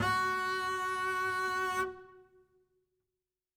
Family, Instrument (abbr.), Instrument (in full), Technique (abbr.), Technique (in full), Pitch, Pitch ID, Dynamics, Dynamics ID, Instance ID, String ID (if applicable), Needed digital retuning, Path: Strings, Cb, Contrabass, ord, ordinario, F#4, 66, ff, 4, 0, 1, FALSE, Strings/Contrabass/ordinario/Cb-ord-F#4-ff-1c-N.wav